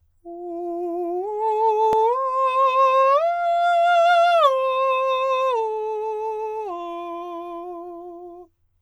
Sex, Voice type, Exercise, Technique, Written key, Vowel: male, countertenor, arpeggios, slow/legato forte, F major, u